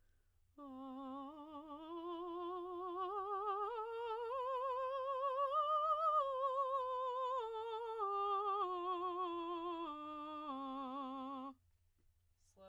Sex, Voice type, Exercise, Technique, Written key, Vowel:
female, soprano, scales, slow/legato piano, C major, a